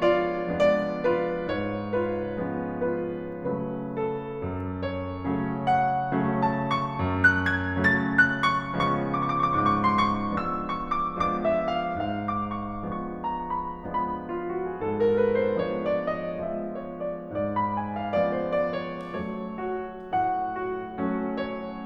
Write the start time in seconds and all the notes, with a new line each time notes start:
0.01 F4 D5
0.57 F3 G#3 B3 D4 D5
0.99 F4 B4
1.48 G#2 C#5
1.94 F4 B4
2.41 F3 G#3 B3 C#4
2.93 F4 B4
3.48 C#3 F#3 A3 C#4 B4
3.96 A4
4.43 F#2
4.82 C#5
5.21 C#3 F#3 A3 C#4
5.66 F#5
6.14 C#3 F#3 A3 C#4
6.45 A5
6.74 C#6
7.00 F#2
7.26 F#6
7.54 G#6
7.81 C#3 F#3 A3 C#4 A6
8.11 F#6
8.46 C#6
8.74 C#3 F3 G#3 B3 C#4 C#6
8.83 D6
8.96 C#6
9.06 D6
9.19 C#6
9.27 D6
9.36 C#6
9.47 D6
9.56 G#2 C#6
9.67 D6
9.75 C#6
9.82 D6
9.92 C#6
10.01 D6
10.12 C6
10.21 C#6
10.30 F3 G#3 B3 D4 E6
10.58 C#6
10.90 D6
11.17 F3 G#3 B3 D4 D6
11.44 E5
11.70 F5
11.95 G#2 F5
12.24 D6
12.58 C#6
12.94 F3 G#3 B3 D4 C#6
13.25 A#5
13.54 B5
13.86 C#3 F3 G#3 B3 D4 B5
14.10 F4
14.37 F#4
14.67 G#4
14.84 G#2 A4
15.02 A#4
15.24 B4
15.45 C5
15.64 F3 G#3 B3 D4 C#5
15.90 D5
16.19 D#5
16.47 F3 G#3 B3 D4 E5
16.75 C#5
17.01 D5
17.30 G#2 D5
17.56 B5
17.76 G#5
17.99 F5
18.19 F3 G#3 B3 C#4 D5
18.40 C5
18.66 D5
18.90 C#5
19.17 F#3 A3 C#4 C#5
19.64 F#4
20.02 A2 F#5
20.56 F#4
20.99 F#3 A3 C#4
21.43 C#5